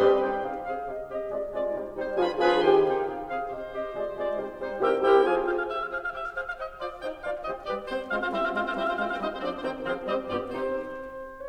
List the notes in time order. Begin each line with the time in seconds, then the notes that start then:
0.00 C3 G3 C4 D#4 C5 D#5 C6
0.28 C4 D#4 G4 G5
0.44 C3 G#4 F5
0.64 C4 G#4 F5
0.84 C3 G4 D#5
1.09 C4 G4 D#5
1.28 C3 G#3 F4 D5
1.60 G#3 C4 F4 D5
1.71 C3 G3 D#4 C5
1.92 G3 C4 D#4 C5
2.17 C3 F3 D4 F4 G#4 B4 G#5 A#5
2.43 F3 C4 D4 F4 G#4 B4 G#5 A#5
2.65 C3 D#3 D#4 G4 C5 G5 C6
2.96 C4 D#4 G5
3.25 C3 G#4 F5
3.38 C4 G#4 F5
3.53 C3 G4 C5 D#5
3.75 C4 G4 D#5
3.88 C3 G#3 F4 D5
4.11 G#3 C4 F4 D5
4.39 C3 G3 D#4 C5
4.60 G3 C4 D#4 C5
4.77 C3 C4 E4 G4 A#4 E5 G5
5.03 C4 E4 G4 A#4 E5 G5
5.22 F3 F4 G#4 F5 G#5
5.50 G#4 C5 F5
5.67 F5
5.76 G4 C5 E5
5.90 F4 G#4 C5 F5
5.94 F5
6.08 G4 C5 E5
6.18 F5
6.29 G#4 C5 F5
6.41 F5
6.47 G4 C5 D#5
6.78 F4 C5 D5
7.04 D#4 C5 G5
7.24 F4 D5 F5
7.42 G4 C5 D#5
7.69 G3 G4 A#4 D5
7.86 C4 C5
8.06 G#3 C4 F4 C5 F5
8.16 C4 F4 C5 F5
8.30 G3 C4 E4 C5 E5
8.41 C4 F4 C5 F5
8.51 G#3 C4 F4 C5 F5
8.63 C4 F4 C5 F5
8.72 G3 C4 E4 C5 E5
8.82 C4 F4 C5 F5
8.90 G#3 C4 F4 C5 F5
8.97 C4 F4 C5 F5
9.10 G3 C4 D#4 C5 D#5
9.22 C5
9.36 F3 C4 D4 C5 D5
9.51 C5
9.59 D#3 C4 C5 G5
9.83 F3 C4 G#4 C5 F5
10.04 G3 C4 G4 C5 D#5
10.26 G2 B3 F4 G4 D5
10.46 C3 C4 D#4 G4 C5